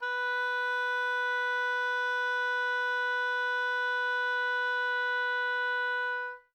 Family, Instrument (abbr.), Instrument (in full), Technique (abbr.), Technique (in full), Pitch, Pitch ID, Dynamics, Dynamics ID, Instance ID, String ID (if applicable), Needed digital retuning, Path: Winds, Ob, Oboe, ord, ordinario, B4, 71, mf, 2, 0, , FALSE, Winds/Oboe/ordinario/Ob-ord-B4-mf-N-N.wav